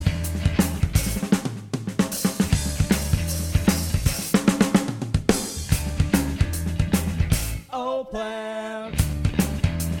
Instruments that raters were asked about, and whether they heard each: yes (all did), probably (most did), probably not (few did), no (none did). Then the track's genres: violin: no
piano: no
cymbals: yes
mallet percussion: no
Post-Punk; Hardcore